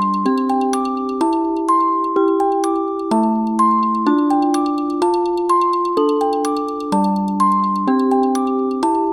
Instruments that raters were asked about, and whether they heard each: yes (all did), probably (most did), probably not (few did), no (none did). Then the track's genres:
mallet percussion: probably
Electronic; Ambient; Instrumental